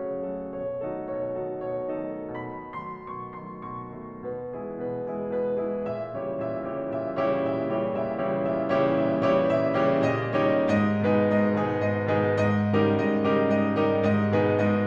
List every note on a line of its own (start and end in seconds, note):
0.00 0.26 C#3
0.00 0.26 C#5
0.26 0.51 F#3
0.26 0.51 A3
0.26 0.51 F#4
0.26 0.51 A4
0.51 0.84 B2
0.51 0.84 C#5
0.84 1.09 D#3
0.84 1.09 F#3
0.84 1.09 A3
0.84 1.09 D#4
0.84 1.09 F#4
0.84 1.09 A4
1.09 1.35 B2
1.09 1.35 C#5
1.35 1.64 D#3
1.35 1.64 F#3
1.35 1.64 A3
1.35 1.64 D#4
1.35 1.64 F#4
1.35 1.64 A4
1.64 1.92 B2
1.64 1.92 C#5
1.92 2.30 D#3
1.92 2.30 F#3
1.92 2.30 A3
1.92 2.30 D#4
1.92 2.30 F#4
1.92 2.30 A4
2.30 2.73 B2
2.30 2.73 B5
2.73 3.07 D#3
2.73 3.07 F#3
2.73 3.07 A3
2.73 3.07 C6
3.07 3.42 B2
3.07 3.42 C#6
3.42 3.77 D#3
3.42 3.77 F#3
3.42 3.77 A3
3.42 3.77 C6
3.77 3.97 B2
3.77 4.21 C#6
3.97 4.21 D#3
3.97 4.21 F#3
3.97 4.21 A3
4.21 4.54 B2
4.21 4.54 B4
4.54 4.81 E3
4.54 4.81 G#3
4.54 4.81 E4
4.54 4.81 G#4
4.81 5.06 B2
4.81 5.06 B4
5.06 5.31 E3
5.06 5.31 G#3
5.06 5.31 E4
5.06 5.31 G#4
5.31 5.61 B2
5.31 5.61 B4
5.61 5.82 E3
5.61 5.82 G#3
5.61 5.82 E4
5.61 5.82 G#4
5.82 6.16 A#2
5.82 6.16 E5
6.16 6.40 C#3
6.16 6.40 E3
6.16 6.40 G3
6.16 6.40 E4
6.16 6.40 G4
6.16 6.40 C#5
6.40 6.68 A#2
6.40 6.68 E5
6.68 6.91 C#3
6.68 6.91 E3
6.68 6.91 G3
6.68 6.91 E4
6.68 6.91 G4
6.68 6.91 C#5
6.91 7.15 A#2
6.91 7.15 E5
7.15 7.43 C#3
7.15 7.43 E3
7.15 7.43 G3
7.15 7.43 E4
7.15 7.43 G4
7.15 7.43 C#5
7.43 7.77 A#2
7.43 7.77 E5
7.77 7.99 C#3
7.77 7.99 E3
7.77 7.99 G3
7.77 7.99 E4
7.77 7.99 G4
7.77 7.99 C#5
7.99 8.20 A#2
7.99 8.20 E5
8.20 8.51 C#3
8.20 8.51 E3
8.20 8.51 G3
8.20 8.51 E4
8.20 8.51 G4
8.20 8.51 C#5
8.51 8.74 A#2
8.51 8.74 E5
8.74 9.03 C#3
8.74 9.03 E3
8.74 9.03 G3
8.74 9.03 E4
8.74 9.03 G4
8.74 9.03 C#5
9.03 9.31 A#2
9.03 9.31 E5
9.31 9.54 C#3
9.31 9.54 E3
9.31 9.54 G3
9.31 9.54 E4
9.31 9.54 G4
9.31 9.54 C#5
9.54 9.76 A#2
9.54 9.76 E5
9.76 10.04 C#3
9.76 10.04 E3
9.76 10.04 G3
9.76 10.04 E4
9.76 10.04 G4
9.76 10.04 C#5
10.04 10.30 A#2
10.04 10.30 D#5
10.30 10.68 C#3
10.30 10.68 D#3
10.30 10.68 G3
10.30 10.68 D#4
10.30 10.68 G4
10.30 10.68 C#5
10.68 10.97 G#2
10.68 10.97 D#5
10.97 11.20 B2
10.97 11.20 D#3
10.97 11.20 G#3
10.97 11.20 D#4
10.97 11.20 G#4
10.97 11.20 B4
11.20 11.55 G#2
11.20 11.55 D#5
11.55 11.80 B2
11.55 11.80 D#3
11.55 11.80 G#3
11.55 11.80 D#4
11.55 11.80 G#4
11.55 11.80 B4
11.80 12.07 G#2
11.80 12.07 D#5
12.07 12.36 B2
12.07 12.36 D#3
12.07 12.36 G#3
12.07 12.36 D#4
12.07 12.36 G#4
12.07 12.36 B4
12.36 12.74 G#2
12.36 12.74 D#5
12.74 13.05 C#3
12.74 13.05 D#3
12.74 13.05 G3
12.74 13.05 D#4
12.74 13.05 G4
12.74 13.05 A#4
13.05 13.33 G#2
13.05 13.33 D#5
13.33 13.60 C#3
13.33 13.60 D#3
13.33 13.60 G3
13.33 13.60 D#4
13.33 13.60 G4
13.33 13.60 A#4
13.60 13.80 G#2
13.60 13.80 D#5
13.80 14.08 C#3
13.80 14.08 D#3
13.80 14.08 G3
13.80 14.08 D#4
13.80 14.08 G4
13.80 14.08 A#4
14.08 14.29 G#2
14.08 14.29 D#5
14.29 14.62 B2
14.29 14.62 D#3
14.29 14.62 G#3
14.29 14.62 D#4
14.29 14.62 G#4
14.29 14.62 B4
14.62 14.87 G#2
14.62 14.87 D#5